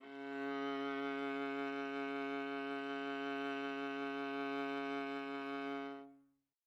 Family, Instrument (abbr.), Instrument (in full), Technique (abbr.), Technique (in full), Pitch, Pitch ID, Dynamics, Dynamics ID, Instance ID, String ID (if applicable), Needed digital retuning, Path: Strings, Va, Viola, ord, ordinario, C#3, 49, mf, 2, 3, 4, TRUE, Strings/Viola/ordinario/Va-ord-C#3-mf-4c-T24u.wav